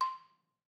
<region> pitch_keycenter=84 lokey=81 hikey=86 volume=7.038600 offset=190 lovel=66 hivel=99 ampeg_attack=0.004000 ampeg_release=30.000000 sample=Idiophones/Struck Idiophones/Balafon/Traditional Mallet/EthnicXylo_tradM_C5_vl2_rr1_Mid.wav